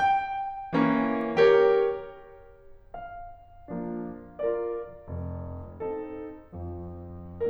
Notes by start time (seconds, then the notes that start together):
0.00 G5
0.72 E3 A#3 C#4
1.42 G4 A#4 C#5
2.96 F5
3.70 F3 A#3 D4
4.42 F4 A#4 D5
5.07 F1 F2
5.84 C4 D#4 A4
6.56 F2 F3